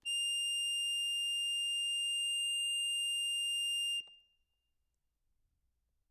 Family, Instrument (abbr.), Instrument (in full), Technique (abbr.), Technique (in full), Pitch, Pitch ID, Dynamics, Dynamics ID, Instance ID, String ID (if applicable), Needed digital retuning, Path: Keyboards, Acc, Accordion, ord, ordinario, F7, 101, ff, 4, 1, , FALSE, Keyboards/Accordion/ordinario/Acc-ord-F7-ff-alt1-N.wav